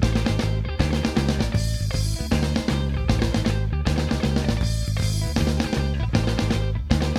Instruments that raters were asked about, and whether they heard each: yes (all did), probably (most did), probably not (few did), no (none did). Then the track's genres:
cymbals: yes
Post-Punk; Hardcore